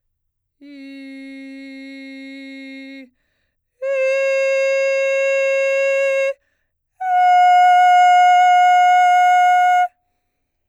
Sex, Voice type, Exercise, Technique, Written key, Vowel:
female, soprano, long tones, straight tone, , i